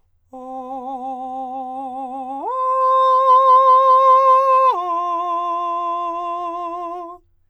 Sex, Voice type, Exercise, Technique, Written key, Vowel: male, countertenor, long tones, full voice forte, , o